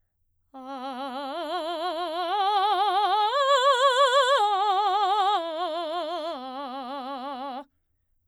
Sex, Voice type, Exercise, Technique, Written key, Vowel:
female, soprano, arpeggios, vibrato, , a